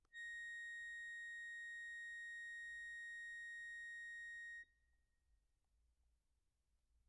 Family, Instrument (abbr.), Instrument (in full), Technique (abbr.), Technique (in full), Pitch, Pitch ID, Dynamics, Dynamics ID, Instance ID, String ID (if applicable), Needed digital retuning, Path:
Keyboards, Acc, Accordion, ord, ordinario, A#6, 94, pp, 0, 0, , FALSE, Keyboards/Accordion/ordinario/Acc-ord-A#6-pp-N-N.wav